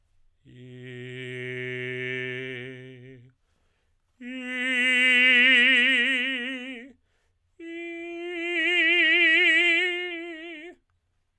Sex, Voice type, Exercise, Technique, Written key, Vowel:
male, tenor, long tones, messa di voce, , i